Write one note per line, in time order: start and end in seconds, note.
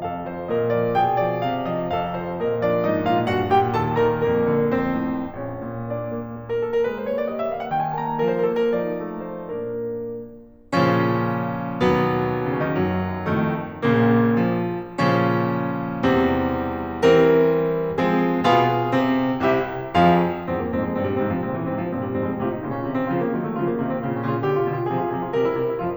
0.00 0.44 A2
0.00 0.44 A4
0.00 0.21 F5
0.23 0.44 F3
0.23 0.44 C5
0.45 0.95 A#2
0.45 0.95 A#4
0.45 0.67 D#5
0.68 0.95 F3
0.68 0.95 D5
0.95 1.42 B2
0.95 1.86 G#4
0.95 1.18 G5
1.20 1.42 F3
1.20 1.42 D5
1.42 1.86 C3
1.42 1.64 F5
1.65 1.86 F3
1.65 1.86 D#5
1.87 2.35 A2
1.87 2.35 A4
1.87 2.09 F5
2.11 2.35 F3
2.11 2.35 C5
2.36 2.80 A#2
2.36 2.62 A#4
2.36 2.62 D#5
2.62 2.80 F3
2.62 2.80 D4
2.62 2.80 D5
2.81 3.24 G#2
2.81 3.05 D#4
2.81 3.05 D#5
3.05 3.24 A#2
3.05 3.24 F4
3.05 3.24 F5
3.25 3.73 G2
3.25 3.46 F#4
3.25 3.46 F#5
3.46 3.73 A#2
3.46 3.73 G4
3.46 3.73 G5
3.74 4.18 D#2
3.74 3.97 A4
3.74 3.97 A5
3.97 4.18 D#3
3.97 4.18 A#4
3.97 4.18 A#5
4.21 4.71 F2
4.21 4.71 A#3
4.21 4.71 A#4
4.44 4.71 D3
4.73 5.38 F2
4.73 5.38 C4
4.73 5.38 C5
5.11 5.38 A2
5.39 5.61 D2
5.39 5.84 C#4
5.39 5.84 C#5
5.62 6.83 A#2
5.85 6.13 A#3
5.85 6.49 D4
5.85 6.49 D5
6.14 6.40 A#3
6.40 6.58 A#3
6.50 6.73 A#4
6.59 6.83 A#3
6.59 6.83 A4
6.73 6.93 A#4
6.84 7.24 A3
6.84 7.02 B4
6.94 7.14 C5
7.04 7.24 A#3
7.04 7.24 C#5
7.14 7.34 D5
7.26 7.67 G3
7.26 7.49 D#5
7.35 7.57 E5
7.49 7.67 A#3
7.49 7.67 F5
7.58 7.78 F#5
7.69 8.10 F3
7.69 7.92 G5
7.79 8.01 G#5
7.92 8.10 D#4
7.92 8.10 A5
8.02 8.23 A#5
8.12 8.71 F3
8.12 8.44 A#4
8.23 8.57 C5
8.45 8.71 D4
8.45 8.71 A4
8.58 8.84 A#4
8.72 9.29 F3
8.72 9.29 D#4
8.72 9.10 D5
8.97 9.29 A3
9.11 9.29 C5
9.29 9.71 A#2
9.29 9.71 A#3
9.29 9.71 D4
9.29 9.71 A#4
10.73 11.81 A#2
10.73 11.81 C#3
10.73 11.81 F3
10.73 11.81 C#4
11.82 13.41 D#2
11.82 12.53 B2
11.82 12.71 F#3
11.82 12.53 B3
12.53 12.61 C#3
12.53 12.61 C#4
12.62 12.71 D#3
12.62 12.71 D#4
12.72 13.41 F#2
12.72 13.41 F#3
13.42 13.84 F2
13.42 13.84 A2
13.42 13.84 F3
13.42 13.84 A3
13.84 14.99 A#1
13.84 14.99 A#2
13.84 14.36 C#3
13.84 14.36 A#3
14.37 14.59 F3
15.00 16.04 A#2
15.00 16.04 C#3
15.00 16.04 F3
15.00 16.04 C#4
16.07 17.02 E2
16.07 17.02 C3
16.07 17.02 G3
16.07 17.02 C4
17.03 17.97 E3
17.03 17.97 G3
17.03 17.97 C4
17.03 17.97 A#4
17.97 18.39 F3
17.97 18.39 G#3
17.97 18.39 C4
17.97 18.39 G#4
18.39 18.95 B2
18.39 18.95 B3
18.39 19.39 F4
18.39 19.39 G#4
18.96 19.39 C3
18.96 19.39 C4
19.40 19.93 C2
19.40 19.93 C3
19.40 19.93 E4
19.40 19.93 G4
19.40 19.93 E5
19.95 20.28 F2
19.95 20.28 F3
19.95 20.28 F4
19.95 20.28 G#4
19.95 20.28 F5
20.28 20.53 E2
20.28 20.53 G2
20.28 20.41 C4
20.42 20.53 A#3
20.54 20.76 F2
20.54 20.76 G#2
20.54 20.64 C4
20.64 20.76 G#3
20.77 21.03 G2
20.77 21.03 A#2
20.77 20.91 C4
20.92 21.03 G3
21.04 21.33 G#2
21.04 21.33 C3
21.04 21.20 C4
21.20 21.33 F3
21.34 21.55 A#2
21.34 21.55 C#3
21.34 21.44 C4
21.46 21.55 E3
21.55 21.84 G#2
21.55 21.84 C3
21.55 21.72 C4
21.73 21.84 F3
21.85 22.08 G2
21.85 22.08 A#2
21.85 21.95 C4
21.97 22.08 G3
22.08 22.27 F2
22.08 22.27 G#2
22.08 22.27 C4
22.19 22.43 G#3
22.28 22.53 A2
22.28 22.53 C3
22.28 22.53 F4
22.43 22.62 D#4
22.53 22.71 A#2
22.53 22.71 C#3
22.53 22.71 F4
22.63 22.83 C#4
22.72 22.93 C3
22.72 22.93 D#3
22.72 22.93 F4
22.83 23.05 C4
22.94 23.14 C#3
22.94 23.14 F3
22.94 23.14 F4
23.06 23.24 A#3
23.15 23.34 D#3
23.15 23.34 F#3
23.15 23.34 F4
23.24 23.44 A3
23.35 23.63 C#3
23.35 23.63 F3
23.35 23.63 F4
23.45 23.72 A#3
23.63 23.85 C3
23.63 23.85 D#3
23.63 23.85 F4
23.73 24.02 C4
23.87 24.14 A#2
23.87 24.14 C#3
23.87 24.14 F4
24.03 24.25 C#4
24.14 24.38 A#2
24.14 24.38 C#3
24.14 24.38 F4
24.26 24.50 C#4
24.39 24.60 B2
24.39 24.60 D3
24.39 24.60 G4
24.50 24.71 F4
24.61 24.85 B2
24.61 24.85 D3
24.61 24.85 G4
24.72 25.00 F4
24.86 25.09 C3
24.86 25.09 F3
24.86 25.09 G#4
25.00 25.19 F4
25.10 25.30 C3
25.10 25.30 F3
25.10 25.30 G#4
25.21 25.40 F4
25.30 25.50 C3
25.30 25.50 G3
25.30 25.50 A#4
25.41 25.60 E4
25.51 25.77 C3
25.51 25.77 G3
25.51 25.77 A#4
25.61 25.87 E4
25.77 25.96 F3
25.77 25.96 A3
25.77 25.96 F4